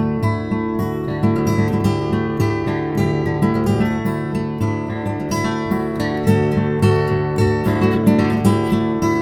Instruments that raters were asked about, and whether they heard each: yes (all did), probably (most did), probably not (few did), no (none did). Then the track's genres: guitar: yes
Folk; Soundtrack; Instrumental